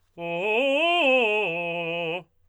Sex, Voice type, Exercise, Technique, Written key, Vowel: male, tenor, arpeggios, fast/articulated forte, F major, o